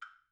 <region> pitch_keycenter=60 lokey=60 hikey=60 volume=14.986500 offset=502 lovel=0 hivel=54 seq_position=2 seq_length=3 ampeg_attack=0.004000 ampeg_release=30.000000 sample=Idiophones/Struck Idiophones/Woodblock/wood_click_pp_rr3.wav